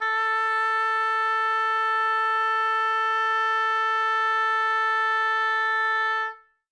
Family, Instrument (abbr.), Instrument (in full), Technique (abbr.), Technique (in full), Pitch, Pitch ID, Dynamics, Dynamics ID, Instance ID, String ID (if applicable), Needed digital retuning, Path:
Winds, Ob, Oboe, ord, ordinario, A4, 69, ff, 4, 0, , FALSE, Winds/Oboe/ordinario/Ob-ord-A4-ff-N-N.wav